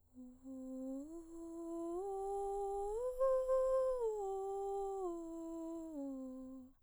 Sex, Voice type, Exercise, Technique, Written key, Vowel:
female, soprano, arpeggios, breathy, , u